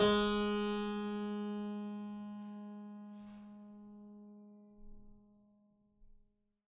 <region> pitch_keycenter=44 lokey=44 hikey=45 volume=1.151423 trigger=attack ampeg_attack=0.004000 ampeg_release=0.40000 amp_veltrack=0 sample=Chordophones/Zithers/Harpsichord, Flemish/Sustains/High/Harpsi_High_Far_G#2_rr1.wav